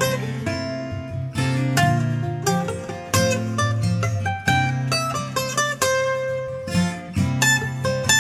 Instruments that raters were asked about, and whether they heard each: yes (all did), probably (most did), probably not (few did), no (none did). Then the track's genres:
trombone: no
ukulele: probably
mandolin: probably
mallet percussion: no
Country; Folk